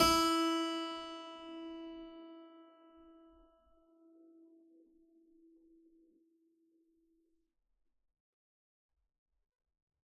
<region> pitch_keycenter=64 lokey=64 hikey=64 volume=1 trigger=attack ampeg_attack=0.004000 ampeg_release=0.400000 amp_veltrack=0 sample=Chordophones/Zithers/Harpsichord, Unk/Sustains/Harpsi4_Sus_Main_E3_rr1.wav